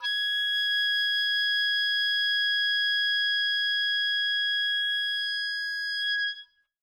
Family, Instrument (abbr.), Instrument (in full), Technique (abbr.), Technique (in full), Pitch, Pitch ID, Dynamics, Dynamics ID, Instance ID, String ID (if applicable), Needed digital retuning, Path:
Winds, Ob, Oboe, ord, ordinario, G#6, 92, mf, 2, 0, , FALSE, Winds/Oboe/ordinario/Ob-ord-G#6-mf-N-N.wav